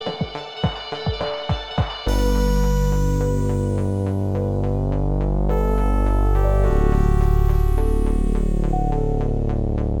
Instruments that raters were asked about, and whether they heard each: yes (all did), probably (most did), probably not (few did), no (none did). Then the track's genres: synthesizer: yes
saxophone: no
cello: no
Pop; Electronic